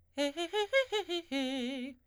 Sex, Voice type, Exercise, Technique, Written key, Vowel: female, soprano, arpeggios, fast/articulated forte, C major, e